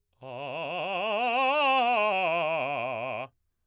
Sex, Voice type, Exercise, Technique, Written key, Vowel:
male, baritone, scales, fast/articulated forte, C major, a